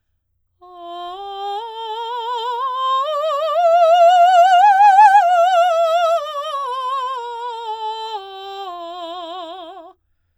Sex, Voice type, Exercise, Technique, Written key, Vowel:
female, soprano, scales, slow/legato forte, F major, a